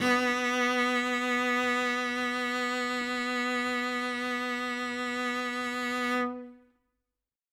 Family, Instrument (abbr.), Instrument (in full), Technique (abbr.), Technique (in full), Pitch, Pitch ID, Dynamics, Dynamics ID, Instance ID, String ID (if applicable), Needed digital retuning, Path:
Strings, Vc, Cello, ord, ordinario, B3, 59, ff, 4, 0, 1, TRUE, Strings/Violoncello/ordinario/Vc-ord-B3-ff-1c-T11u.wav